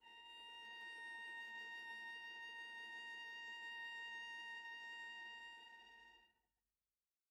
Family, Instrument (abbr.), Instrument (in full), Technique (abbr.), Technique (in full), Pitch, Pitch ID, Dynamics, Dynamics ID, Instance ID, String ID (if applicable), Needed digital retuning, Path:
Strings, Va, Viola, ord, ordinario, A#5, 82, pp, 0, 1, 2, FALSE, Strings/Viola/ordinario/Va-ord-A#5-pp-2c-N.wav